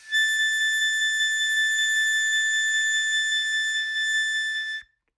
<region> pitch_keycenter=93 lokey=92 hikey=94 volume=13.976601 trigger=attack ampeg_attack=0.004000 ampeg_release=0.100000 sample=Aerophones/Free Aerophones/Harmonica-Hohner-Special20-F/Sustains/HandVib/Hohner-Special20-F_HandVib_A5.wav